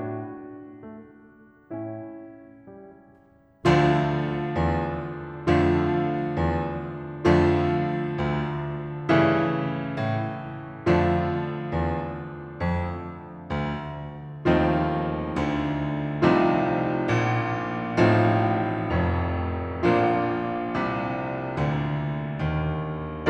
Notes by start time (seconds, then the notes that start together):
0.00 A2 D4 F#4
0.74 A3
1.46 A2 C#4 E4
2.61 G3
3.66 D2 D3 F3 A3 D4 F4
4.55 E2
5.46 F2 D3 F3 A3 D4 F4
6.37 E2
7.55 F2 D3 F3 A3 D4 F4
8.22 D2
9.13 G2 C#3 E3 A3 C#4 E4
10.03 A2
10.89 F2 D3 F3 A3 D4 F4
11.71 E2
12.61 F2
13.51 D2
14.63 D#2 D#3 F3 A3 C4 D#4 F4
15.46 D2 D3
16.24 C2 C3 F3 A3 C4 D#4 F4
16.93 A#1 A#2
17.97 A1 A2 F3 A3 C4 D#4 F4
18.92 F1 F2
19.85 A#1 A#2 F3 A#3 D4 F4
20.68 C2 C3
21.58 D2 D3
22.41 D#2 D#3